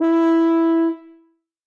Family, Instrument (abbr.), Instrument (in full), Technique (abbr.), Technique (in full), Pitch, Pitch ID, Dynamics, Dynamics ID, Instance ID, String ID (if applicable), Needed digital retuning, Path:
Brass, BTb, Bass Tuba, ord, ordinario, E4, 64, ff, 4, 0, , FALSE, Brass/Bass_Tuba/ordinario/BTb-ord-E4-ff-N-N.wav